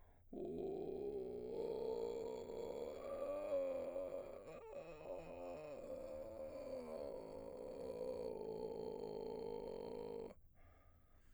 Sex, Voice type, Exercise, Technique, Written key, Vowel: male, baritone, arpeggios, vocal fry, , o